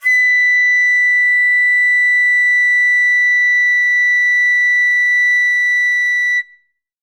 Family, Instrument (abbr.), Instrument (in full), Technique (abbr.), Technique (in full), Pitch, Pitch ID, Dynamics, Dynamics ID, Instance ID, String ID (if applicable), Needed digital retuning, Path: Winds, Fl, Flute, ord, ordinario, B6, 95, ff, 4, 0, , TRUE, Winds/Flute/ordinario/Fl-ord-B6-ff-N-T21d.wav